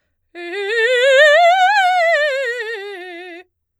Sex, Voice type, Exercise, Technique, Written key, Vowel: female, soprano, scales, fast/articulated forte, F major, e